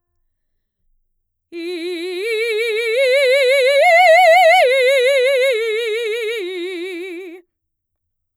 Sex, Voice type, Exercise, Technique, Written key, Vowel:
female, mezzo-soprano, arpeggios, slow/legato forte, F major, i